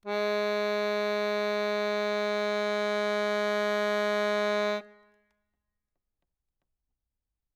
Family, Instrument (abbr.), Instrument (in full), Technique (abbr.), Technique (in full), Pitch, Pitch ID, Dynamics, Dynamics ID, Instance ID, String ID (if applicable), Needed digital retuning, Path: Keyboards, Acc, Accordion, ord, ordinario, G#3, 56, ff, 4, 1, , FALSE, Keyboards/Accordion/ordinario/Acc-ord-G#3-ff-alt1-N.wav